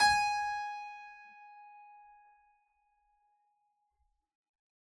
<region> pitch_keycenter=80 lokey=80 hikey=80 volume=-1.878977 trigger=attack ampeg_attack=0.004000 ampeg_release=0.400000 amp_veltrack=0 sample=Chordophones/Zithers/Harpsichord, Unk/Sustains/Harpsi4_Sus_Main_G#4_rr1.wav